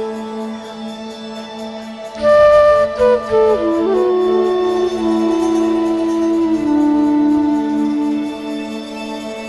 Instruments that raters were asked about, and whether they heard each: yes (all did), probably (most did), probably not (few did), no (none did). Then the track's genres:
flute: yes
clarinet: probably not
New Age; Instrumental